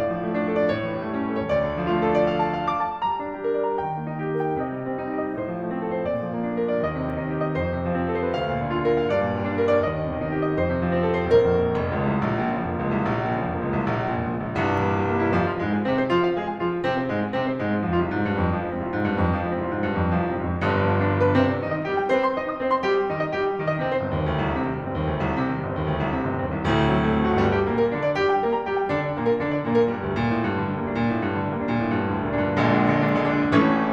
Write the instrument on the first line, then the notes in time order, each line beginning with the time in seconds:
piano
0.00 A2 D5
0.12 F3
0.22 A3
0.38 D4
0.50 A4
0.57 D5
0.74 A2 C#5
0.92 E3
1.06 G3
1.21 A3 C#4
1.31 A4
1.40 C#5
1.56 D2 D5
1.68 D3
1.79 F3
1.86 A3
1.97 D4 F4
2.08 A4
2.22 D5
2.36 F5
2.45 A5
2.59 F5
2.74 D6
2.86 A5
3.01 G3 A#5
3.19 D4
3.33 G4
3.45 A#4
3.58 D5
3.74 A#5
3.85 D#3 G5
3.99 A#3
4.06 D#4
4.20 G4
4.33 A#4
4.44 G5
4.56 C3 D#5
4.70 G3
4.82 C4
4.96 D#4
5.11 G4
5.24 D#5
5.39 A2 C5
5.51 F3
5.69 A3
5.83 C4
5.93 F4
6.03 C5
6.15 A#2 D5
6.23 F3
6.32 A#3
6.46 D4
6.59 F4
6.69 D5
6.85 D#2 D#5
6.99 C3
7.14 D#3
7.23 D#4
7.34 G4
7.47 D#5
7.58 F2 C5
7.76 C3
7.88 F3
7.98 C4
8.10 A4
8.22 C5
8.36 D2 F5
8.49 A#2
8.64 D3
8.71 F4
8.85 A#4
9.01 F5
9.10 G2 D5
9.22 A#2
9.35 G3
9.45 D4
9.59 A#4
9.74 D5
9.90 D#2 D#5
10.04 C3
10.16 D#3
10.24 D#4
10.36 G4
10.47 D#5
10.59 F2 C5
10.68 C3
10.76 F3
10.92 C4
11.05 A4
11.19 C5
11.34 A#1 A#4
11.47 F2
11.62 A#2
11.76 F1
11.91 C#2
12.11 C2
12.26 A#1
12.40 A#2
12.54 C#3
12.67 F1 F3
12.81 C#2 A#3
12.90 C2
13.04 A#1
13.20 A#2
13.35 C#3
13.49 F1 F3
13.63 C#2 A#3
13.76 C2
13.90 A#1
14.06 A#2
14.21 C#3
14.35 F1 F3
14.42 C#2 A#3
14.52 A#1
14.66 C1 C2 G2
14.80 A#2
14.91 E3
15.03 G3
15.12 A#3
15.23 E4
15.34 F1 F2 F3
15.48 F4
15.58 G#2 G#3
15.70 G#4
15.84 C3 C4
15.98 C5
16.11 F3 F4
16.25 F5
16.38 G#3 G#4
16.44 G#5
16.58 F3 F4
16.72 F5
16.87 C3 C4
17.02 C5
17.10 G#2 G#3
17.22 G#4
17.33 C3 C4
17.45 C5
17.60 G#2 G#3
17.73 G#4
17.87 F2 F3
17.97 C2 F4
18.10 G#2
18.23 G2
18.37 F2
18.52 F3
18.67 G#3
18.82 C2 C4
18.95 G#2 F4
19.06 G2
19.14 F2
19.28 F3
19.44 G#3
19.53 C2 C4
19.68 G#2 F4
19.80 G2
19.91 F2
20.03 F3
20.15 G#3
20.26 C2 C4
20.38 G#2 F4
20.50 F2
20.64 G1 G2 D3
20.77 F3
20.89 B3
21.01 D4
21.13 F4
21.26 B4
21.34 C2 C3 C4
21.49 C5
21.63 D#3 D#4
21.78 D#5
21.90 G3 G4
22.02 G5
22.11 C4 C5
22.23 C6
22.38 D#4 D#5
22.50 D#6
22.62 C4 C5
22.72 C6
22.85 G3 G4
22.96 G5
23.10 D#3 D#4
23.21 D#5
23.36 G3 G4
23.50 G5
23.60 D#3 D#4
23.70 D#5
23.82 C3 C4
23.97 G1 C5
24.09 D#2
24.24 D2
24.38 C2
24.56 C3
24.71 D#3
24.80 G1 G3
24.94 D#2 C4
25.08 D2
25.24 C2
25.36 C3
25.50 D#3
25.58 G1 G3
25.69 D#2 C4
25.80 D2
25.91 C2
26.03 C3
26.19 D#3
26.27 G1 G3
26.37 D#2 C4
26.48 C2
26.64 D1 D2 A2
26.77 C3
26.92 F#3
27.06 A3
27.17 C4
27.28 F#4
27.39 G1 G2 G3
27.54 G4
27.64 A#2 A#3
27.79 A#4
27.92 D3 D4
28.06 D5
28.18 G3 G4
28.32 G5
28.47 A#3 A#4
28.56 A#5
28.70 G3 G4
28.82 G5
28.87 D3 D4
29.04 D5
29.18 A#2 A#3
29.26 A#4
29.40 D3 D4
29.51 D5
29.64 A#2 A#3
29.78 A#4
29.94 G2 G3
30.04 D2 G4
30.15 A#2
30.33 A2
30.43 G2
30.55 D3
30.65 G3
30.74 D2 A#3
30.92 A#2 D4
31.06 A2
31.21 G2
31.36 D3
31.51 G3
31.67 D2 A#3
31.79 A#2 D4
31.92 A2
32.03 G2
32.14 D3
32.25 G3
32.36 D2 A#3
32.48 A#2 D4
32.64 G2
32.79 A#1 A#2 D3 G#3
32.89 D4
33.04 D3 G#3
33.17 D4
33.33 D3 G#3
33.47 D4
33.60 A1 A2 E3 A3 C#4